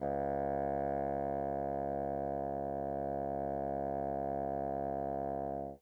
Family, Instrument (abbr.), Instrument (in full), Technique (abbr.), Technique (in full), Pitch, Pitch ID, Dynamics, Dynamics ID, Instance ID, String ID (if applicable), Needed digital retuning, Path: Winds, Bn, Bassoon, ord, ordinario, C#2, 37, mf, 2, 0, , FALSE, Winds/Bassoon/ordinario/Bn-ord-C#2-mf-N-N.wav